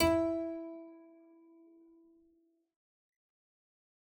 <region> pitch_keycenter=64 lokey=64 hikey=65 volume=1.042084 trigger=attack ampeg_attack=0.004000 ampeg_release=0.350000 amp_veltrack=0 sample=Chordophones/Zithers/Harpsichord, English/Sustains/Lute/ZuckermannKitHarpsi_Lute_Sus_E3_rr1.wav